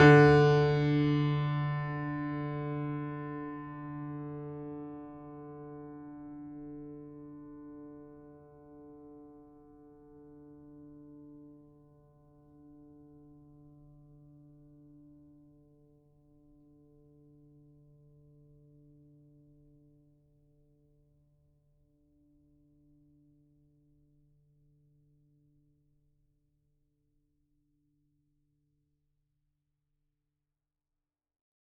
<region> pitch_keycenter=50 lokey=50 hikey=51 volume=0.529747 lovel=100 hivel=127 locc64=65 hicc64=127 ampeg_attack=0.004000 ampeg_release=0.400000 sample=Chordophones/Zithers/Grand Piano, Steinway B/Sus/Piano_Sus_Close_D3_vl4_rr1.wav